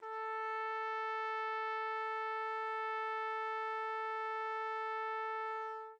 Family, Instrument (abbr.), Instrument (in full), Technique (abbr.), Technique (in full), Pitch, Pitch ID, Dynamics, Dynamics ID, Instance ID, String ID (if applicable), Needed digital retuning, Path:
Brass, TpC, Trumpet in C, ord, ordinario, A4, 69, mf, 2, 0, , TRUE, Brass/Trumpet_C/ordinario/TpC-ord-A4-mf-N-T19u.wav